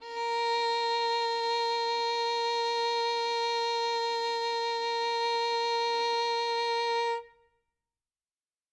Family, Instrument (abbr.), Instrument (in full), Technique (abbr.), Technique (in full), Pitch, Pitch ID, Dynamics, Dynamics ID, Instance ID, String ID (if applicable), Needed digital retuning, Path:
Strings, Vn, Violin, ord, ordinario, A#4, 70, ff, 4, 2, 3, FALSE, Strings/Violin/ordinario/Vn-ord-A#4-ff-3c-N.wav